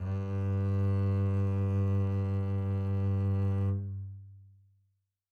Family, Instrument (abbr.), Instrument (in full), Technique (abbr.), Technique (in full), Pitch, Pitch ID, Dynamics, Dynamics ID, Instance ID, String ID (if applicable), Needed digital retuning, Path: Strings, Cb, Contrabass, ord, ordinario, G2, 43, mf, 2, 2, 3, FALSE, Strings/Contrabass/ordinario/Cb-ord-G2-mf-3c-N.wav